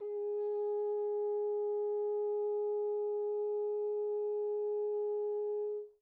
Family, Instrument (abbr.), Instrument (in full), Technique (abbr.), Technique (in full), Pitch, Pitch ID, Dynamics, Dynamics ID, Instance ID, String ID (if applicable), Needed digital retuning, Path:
Brass, Hn, French Horn, ord, ordinario, G#4, 68, pp, 0, 0, , TRUE, Brass/Horn/ordinario/Hn-ord-G#4-pp-N-T10u.wav